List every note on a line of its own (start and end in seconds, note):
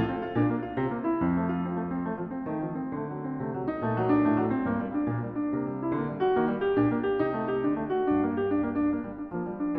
0.00 0.36 A2
0.00 0.14 F4
0.14 0.24 C4
0.24 0.38 F4
0.38 0.78 A#2
0.38 0.55 D4
0.55 0.67 A#3
0.67 0.80 F4
0.80 1.18 C3
0.80 0.93 C4
0.93 1.03 A#3
1.03 1.21 E4
1.21 2.09 F2
1.21 1.35 C4
1.35 1.46 A3
1.46 1.61 F4
1.61 1.76 C4
1.76 1.92 A3
1.92 2.09 C4
2.09 2.19 A3
2.19 2.32 F3
2.32 2.50 C4
2.50 2.97 D#3
2.50 2.62 A3
2.62 2.82 F3
2.82 3.00 C4
3.00 3.42 D3
3.00 3.17 A3
3.17 3.31 F#3
3.31 3.45 C4
3.45 3.78 C3
3.45 3.54 A3
3.54 3.68 F#3
3.68 3.81 D#4
3.81 4.24 A#2
3.81 3.98 A3
3.98 4.11 F#3
4.11 4.26 D4
4.26 4.63 A2
4.26 4.40 A3
4.40 4.50 F#3
4.50 4.66 C4
4.66 5.04 G2
4.66 4.79 A#3
4.79 4.92 G3
4.92 5.06 D4
5.06 5.45 A#2
5.06 5.17 A#3
5.17 5.31 G3
5.31 5.47 D4
5.47 5.91 C3
5.47 5.63 A#3
5.63 5.79 G3
5.79 5.93 E4
5.93 6.33 D3
5.93 6.06 A#3
6.06 6.19 G3
6.19 6.36 F#4
6.36 6.75 D#3
6.36 6.50 A#3
6.50 6.61 G3
6.61 6.77 G4
6.77 7.21 A#2
6.77 6.92 D4
6.92 7.05 A#3
7.05 7.26 G4
7.26 7.63 C3
7.26 7.36 D#4
7.36 7.49 A3
7.49 7.65 G4
7.65 8.09 D3
7.65 7.79 D4
7.79 7.91 A3
7.91 8.12 F#4
8.12 8.94 G2
8.12 8.27 D4
8.27 8.39 A#3
8.39 8.52 G4
8.52 8.67 D4
8.67 8.78 A#3
8.78 8.94 D4
8.94 9.08 A#3
9.08 9.20 G3
9.20 9.33 D4
9.33 9.76 F3
9.33 9.49 A#3
9.49 9.59 G3
9.59 9.79 D4